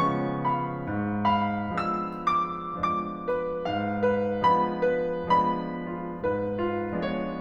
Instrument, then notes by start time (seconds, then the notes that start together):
piano
0.02 C#3 F3 G#3 B3 C#4 C#6
0.51 F5 B5
0.88 G#2
1.30 F5 B5
1.71 F3 G#3 B3 D4 E6
2.19 D6
2.77 F3 G#3 B3 D4 D6
3.25 B4
3.66 G#2 F5
4.03 B4
4.44 F3 G#3 B3 D4 B5
4.99 B4
5.38 C#3 F3 G#3 B3 D4 B5
5.83 F4
6.21 G#2 B4
6.63 F4
6.94 F3 G#3 B3 D4 C#5